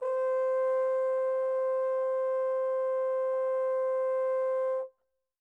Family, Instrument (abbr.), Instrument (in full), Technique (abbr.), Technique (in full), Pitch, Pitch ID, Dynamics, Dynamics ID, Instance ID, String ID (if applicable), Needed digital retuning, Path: Brass, Tbn, Trombone, ord, ordinario, C5, 72, pp, 0, 0, , FALSE, Brass/Trombone/ordinario/Tbn-ord-C5-pp-N-N.wav